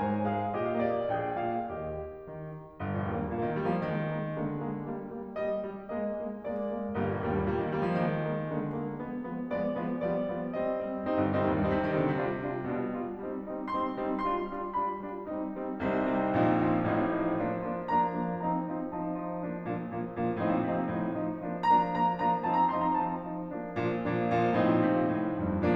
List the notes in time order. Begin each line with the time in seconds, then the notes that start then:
0.01 G#2 G#4 G#5
0.31 G#3 F4 F5
0.57 A#2 G4 D#5
0.84 A#3 F5
0.91 D#5
0.97 D5
1.02 D#5
1.11 A#1 G#4 D5 G5
1.36 A#2 F5
1.78 D#2 G4 D#5
2.27 D#3
2.85 G1
3.01 A#1
3.13 D#2 A#3
3.23 G2
3.36 A#2 A#3
3.48 D#3
3.60 G3 A#3
3.71 F3
3.85 D#3 G#3 A#3
4.10 G#3 A#3
4.38 D3 G#3 A#3
4.70 G#3 A#3
4.95 G3 A#3
5.17 G3 A#3
5.40 G3 A#3 D#5
5.65 G3 A#3
5.89 G#3 A#3 D#5
6.12 G#3 A#3
6.47 G#3 A#3 D5
6.70 G#3 A#3
6.99 G1 G3 A#3
7.11 A#1
7.25 D#2 G3 A#3
7.37 G2
7.53 A#2 G3 A#3
7.65 D#3
7.76 G3 A#3
7.87 F3
7.99 D#3 G#3 A#3
8.36 G#3 A#3
8.61 D3 G#3 A#3
8.89 G#3 A#3
9.12 F3 G#3 B3
9.34 F3 G#3 B3
9.54 F3 G#3 B3 D5
9.82 F3 G#3 B3
10.04 F3 G3 B3 D5
10.30 F3 G3 B3
10.59 G3 C4 D#5
10.83 G3 C4
11.06 G3 C4 D#4
11.16 G1
11.31 C2 G3 C4 D#4
11.45 D#2
11.56 G2 G3 C4 D#4
11.67 C3
11.85 D#3 G3 C4 D#4
12.07 D3
12.20 C3 G3 D4 F4
12.47 G3 D4 F4
12.72 B2 G3 D4 F4
12.97 G3 D4 F4
13.21 G3 C4 D#4
13.40 G3 C4 D#4
13.66 G3 C4 D#4 C6
13.95 G3 C4 D#4
14.20 G3 D4 F4 C6
14.45 G3 D4 F4
14.68 G3 D4 F4 B5
14.99 G3 D4 F4
15.25 G3 C4 D#4
15.48 G3 C4 D#4
15.80 C2 C3 G3 C4 D#4
16.03 G3 C4 D#4
16.27 A#1 A#2 F3 C4 D#4
16.53 F3 C4 D#4
16.84 A1 A2 F3 C4 D#4
17.17 F3 C4 D#4
17.44 F3 A#3 D4
17.72 F3 A#3 D4
17.90 F3 A#3 D4 A#5
18.21 F3 A#3 D4
18.44 F3 C4 D#4 A#5
18.69 F3 C4 D#4
18.91 F3 C4 D#4 A5
19.16 F3 C4 D#4
19.46 F3 A#3 D4
19.66 A#2 F3 A#3 D4
19.95 A#2 F3 A#3 D4
20.14 A#2 F3 A#3 D4
20.39 A2 F3 C4 D#4
20.50 A#2
20.61 C3 F3 C4 D#4
20.78 A#2
20.90 A2 F3 C4 D#4
21.14 F3 C4 D#4
21.39 F3 A#3 D4
21.73 F3 A#3 D4 A#5
21.96 F3 A#3 D4 A#5
22.22 F3 A#3 D4 A#5
22.49 F3 C4 D#4 A5
22.63 A#5
22.75 F3 C4 D#4 C6
22.85 A#5
22.98 F3 C4 D#4 A5
23.27 F3 C4 D#4
23.49 F3 A#3 D4
23.78 A#2 F3 A#3 D4
24.02 A#2 F3 A#3 D4
24.33 A#2 F3 A#3 D4
24.58 A2 F3 C4 D#4
24.68 A#2
24.78 C3
24.94 A#2
25.08 A2
25.45 F2